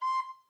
<region> pitch_keycenter=84 lokey=84 hikey=85 tune=3 volume=17.295029 offset=475 ampeg_attack=0.004000 ampeg_release=10.000000 sample=Aerophones/Edge-blown Aerophones/Baroque Alto Recorder/Staccato/AltRecorder_Stac_C5_rr1_Main.wav